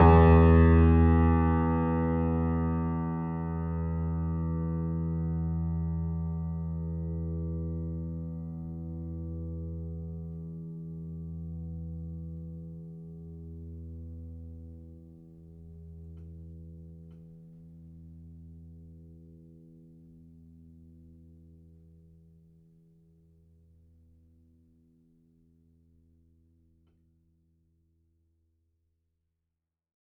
<region> pitch_keycenter=40 lokey=40 hikey=41 volume=-0.798776 lovel=0 hivel=65 locc64=65 hicc64=127 ampeg_attack=0.004000 ampeg_release=0.400000 sample=Chordophones/Zithers/Grand Piano, Steinway B/Sus/Piano_Sus_Close_E2_vl2_rr1.wav